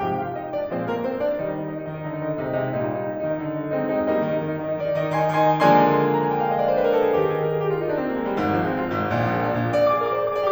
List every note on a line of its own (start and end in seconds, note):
0.00 0.33 G2
0.00 0.33 C3
0.00 0.33 F3
0.00 0.15 G4
0.00 0.15 G5
0.15 0.33 F4
0.15 0.33 F5
0.34 0.50 D#4
0.34 0.50 D#5
0.50 0.67 D4
0.50 0.67 D5
0.67 1.02 A#2
0.67 1.02 F3
0.67 1.02 G#3
0.67 0.84 C4
0.67 0.84 C5
0.84 1.02 A#3
0.84 1.02 A#4
1.02 1.28 C4
1.02 1.28 C5
1.29 1.46 D4
1.29 1.46 D5
1.46 1.79 D#3
1.46 1.79 G3
1.46 1.52 D#4
1.52 1.63 D#5
1.63 1.71 D#4
1.72 1.79 D#5
1.79 1.86 D#4
1.86 1.93 D#5
1.93 2.05 D#3
1.93 2.00 D#4
2.00 2.05 D#5
2.07 2.26 D3
2.07 2.15 D#4
2.15 2.26 D#5
2.26 2.43 D#3
2.26 2.36 D#4
2.36 2.43 D#5
2.43 2.57 C3
2.43 2.57 G#3
2.43 2.51 D#4
2.52 2.57 D#5
2.57 2.74 C3
2.57 2.74 G#3
2.57 2.66 D#4
2.66 2.74 D#5
2.74 3.13 A#2
2.74 3.13 G3
2.74 2.83 D#4
2.83 2.91 D#5
2.93 3.04 D#4
3.04 3.13 D#5
3.13 3.20 D#4
3.20 3.30 D#5
3.30 3.44 D#3
3.30 3.37 D#4
3.37 3.44 D#5
3.44 3.61 D3
3.44 3.54 D#4
3.54 3.61 D#5
3.61 3.78 D#3
3.61 3.70 D#4
3.70 3.78 D#5
3.80 3.96 G#3
3.80 3.96 C4
3.80 3.87 D#4
3.87 3.96 D#5
3.96 4.17 G#3
3.96 4.17 C4
3.96 4.05 D#4
4.05 4.17 D#5
4.17 4.32 G3
4.17 4.32 A#3
4.17 4.47 D#4
4.17 4.47 D#5
4.32 4.40 D#3
4.40 4.47 D#4
4.47 4.56 D#3
4.56 4.62 D#4
4.63 4.69 D#3
4.63 4.77 D#5
4.69 4.77 D#4
4.77 4.85 D#3
4.77 4.95 D5
4.85 4.95 D#4
4.95 5.03 D#3
4.95 5.20 D#5
5.04 5.20 D#4
5.20 5.32 D#3
5.20 5.45 G#5
5.20 5.45 C6
5.32 5.45 D#4
5.45 5.56 D#3
5.45 5.63 G#5
5.45 5.63 C6
5.56 5.63 D#4
5.64 7.15 D#3
5.64 7.15 F3
5.64 7.15 G#3
5.64 7.15 A#3
5.64 7.15 D4
5.64 6.03 G#5
5.64 6.11 C6
6.12 6.20 A#5
6.20 6.32 G#5
6.32 6.41 G5
6.41 6.51 F5
6.51 6.61 D#5
6.62 6.70 D5
6.70 6.79 C5
6.79 6.87 B4
6.87 6.98 A#4
6.98 7.06 A4
7.07 7.15 G#4
7.15 7.50 D#3
7.15 7.50 G3
7.15 7.50 A#3
7.15 7.50 D#4
7.15 7.27 G4
7.27 7.38 G#4
7.40 7.50 A#4
7.51 7.60 G#4
7.62 7.71 G4
7.71 7.81 F4
7.81 7.92 D#4
7.92 8.01 D4
8.01 8.12 C4
8.12 8.20 A#3
8.21 8.30 G#3
8.31 8.42 G3
8.42 8.77 G#1
8.42 8.77 G#2
8.50 8.59 F3
8.59 8.67 G#3
8.68 8.77 C4
8.77 9.10 F4
8.93 9.10 G#1
8.93 9.10 G#2
9.11 9.45 A#1
9.11 9.45 A#2
9.21 9.30 F3
9.30 9.37 G#3
9.37 9.45 A#3
9.45 9.78 D4
9.58 9.78 A#1
9.58 9.78 A#2
9.78 9.87 D5
9.87 9.96 D6
9.96 10.04 G#4
9.96 10.04 D5
10.05 10.12 A#4
10.05 10.12 D6
10.12 10.22 C5
10.12 10.22 D5
10.22 10.31 A#4
10.22 10.31 D6
10.34 10.43 G#4
10.34 10.43 D5
10.43 10.51 G4
10.43 10.51 D6